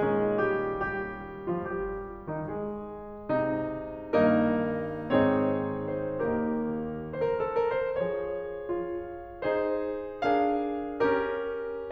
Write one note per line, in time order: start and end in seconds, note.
0.00 2.44 A#2
0.00 0.38 G#3
0.00 2.44 C#4
0.00 0.38 G#4
0.39 0.78 G3
0.39 0.78 G4
0.80 1.44 G3
0.80 1.44 G4
1.47 1.66 F3
1.47 1.66 F4
1.67 2.28 G3
1.67 2.28 G4
2.29 2.44 D#3
2.29 2.44 D#4
2.45 4.06 G#3
2.45 4.06 G#4
3.31 4.06 C3
3.31 4.06 D#4
4.10 5.04 G2
4.10 5.04 D#3
4.10 5.04 A#3
4.10 5.04 D#4
4.10 5.04 A#4
5.07 6.18 G#2
5.07 6.18 D#3
5.07 6.18 C4
5.07 6.18 D#4
5.07 6.18 G#4
5.07 5.87 C#5
5.89 6.18 C5
6.19 7.13 D#2
6.19 7.13 D#3
6.19 7.13 A#3
6.19 7.13 D#4
6.19 7.13 G4
6.19 7.13 A#4
7.15 7.20 C5
7.23 7.35 A#4
7.36 7.53 A4
7.55 7.76 A#4
7.78 7.95 C5
7.98 8.67 F3
7.98 9.43 G#4
7.98 9.43 C#5
8.68 9.43 F4
9.44 10.24 D#4
9.44 10.24 G#4
9.44 10.24 C5
10.26 11.03 D4
10.26 11.03 G#4
10.26 11.03 A#4
10.26 11.03 F5
11.05 11.91 C#4
11.05 11.91 G4
11.05 11.91 A#4